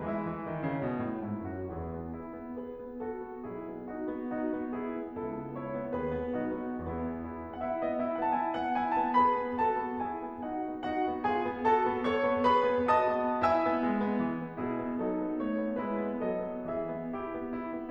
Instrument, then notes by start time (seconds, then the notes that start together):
piano
0.00 E3 G#3 E4 E5
0.21 E3
0.41 D#3
0.63 C#3
0.82 B2
1.08 A2
1.27 G#2 E4
1.47 F#2 F#4
1.74 E2 E4 G#4
1.95 B3
2.17 E4
2.37 B3
2.59 G#4 B4
2.80 B3
3.05 F#4 A4
3.27 B3
3.48 B1 E4 G#4
3.69 B3
3.89 D#4 F#4
4.10 B3
4.32 D#4 F#4
4.54 B3
4.74 E4 G#4
4.93 B3
5.13 C#2 E4 A4
5.40 B3
5.58 E4 C#5
5.78 B3
5.96 D#2 F#4 B4
6.15 B3
6.39 B1 D#4 F#4
6.64 B3
6.85 E2 B3 E4 G#4
7.28 E4
7.50 B3
7.71 E4 F#5
7.79 E5
7.89 B3 D#5
8.06 E4 E5
8.17 B3 F#5
8.36 E4 A5
8.42 G#5
8.54 B3 F#5
8.78 E4 G#5
8.97 B3 A5
9.20 G#4 B4 B5
9.39 B3
9.57 F#4 A4 A5
9.76 B3
9.98 E4 G#4 G#5
10.21 B3
10.43 D#4 F#4 F#5
10.72 B3
10.91 D#4 F#4 F#5
11.12 B3
11.28 F4 G#4 G#5
11.49 B3
11.64 F#4 A4 A5
11.88 B3
12.05 A4 C#5 C#6
12.26 B3
12.45 G#4 B4 B5
12.74 B3
12.93 F#4 D#5 A5 D#6
13.15 B3
13.42 E4 E5 G#5 E6
13.65 B3
13.80 G#3
13.98 B3
14.16 E3
14.37 B3
14.56 B2 E4 G#4
14.83 B3
15.07 F#3 D#4 A4
15.28 B3
15.46 A3 C#5
15.64 B3
15.82 G#3 E4 B4
16.03 B3
16.23 F#3 A4 D#5
16.44 B3
16.66 E3 G#4 E5
16.87 B3
17.15 E4 G4
17.35 B3
17.55 E4
17.74 B3